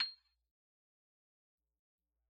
<region> pitch_keycenter=96 lokey=94 hikey=97 volume=16.788563 lovel=0 hivel=83 ampeg_attack=0.004000 ampeg_release=15.000000 sample=Idiophones/Struck Idiophones/Xylophone/Soft Mallets/Xylo_Soft_C7_pp_01_far.wav